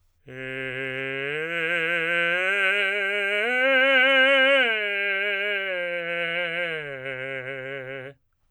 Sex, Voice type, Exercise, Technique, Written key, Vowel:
male, tenor, arpeggios, slow/legato forte, C major, e